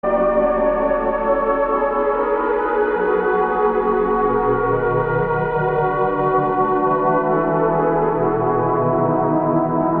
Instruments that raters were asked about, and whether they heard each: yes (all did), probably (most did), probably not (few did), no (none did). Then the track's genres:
trombone: probably not
trumpet: no
Soundtrack; Ambient; Instrumental